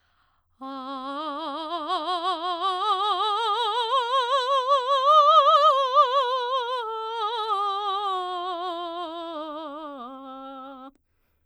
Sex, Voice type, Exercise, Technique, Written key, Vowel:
female, soprano, scales, slow/legato forte, C major, a